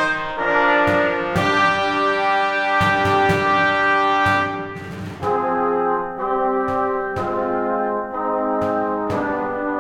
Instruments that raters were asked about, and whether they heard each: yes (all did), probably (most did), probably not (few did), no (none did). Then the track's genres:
trumpet: yes
trombone: yes
Classical